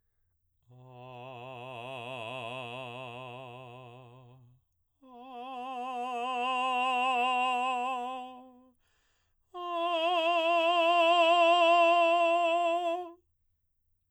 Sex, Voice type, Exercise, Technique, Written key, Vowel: male, baritone, long tones, messa di voce, , a